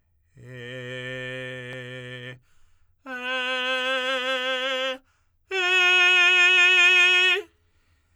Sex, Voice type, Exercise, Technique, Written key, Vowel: male, tenor, long tones, straight tone, , e